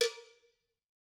<region> pitch_keycenter=63 lokey=63 hikey=63 volume=9.597518 offset=203 lovel=0 hivel=83 ampeg_attack=0.004000 ampeg_release=15.000000 sample=Idiophones/Struck Idiophones/Cowbells/Cowbell2_Double_v2_rr1_Mid.wav